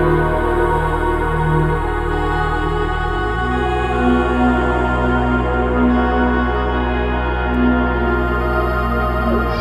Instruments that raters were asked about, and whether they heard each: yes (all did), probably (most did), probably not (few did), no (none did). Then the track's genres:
trombone: no
Ambient Electronic; Ambient